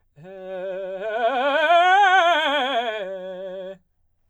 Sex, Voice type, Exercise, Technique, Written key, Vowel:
male, baritone, scales, fast/articulated forte, F major, e